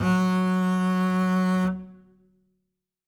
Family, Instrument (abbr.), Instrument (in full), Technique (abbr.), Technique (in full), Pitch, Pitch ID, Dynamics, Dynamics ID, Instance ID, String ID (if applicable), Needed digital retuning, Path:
Strings, Cb, Contrabass, ord, ordinario, F#3, 54, ff, 4, 0, 1, FALSE, Strings/Contrabass/ordinario/Cb-ord-F#3-ff-1c-N.wav